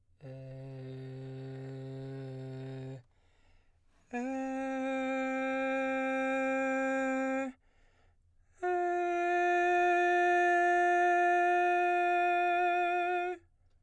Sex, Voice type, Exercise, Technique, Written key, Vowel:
male, baritone, long tones, full voice pianissimo, , e